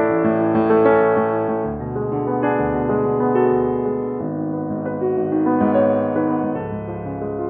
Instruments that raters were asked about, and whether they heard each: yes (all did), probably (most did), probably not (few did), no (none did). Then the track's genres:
piano: yes
Classical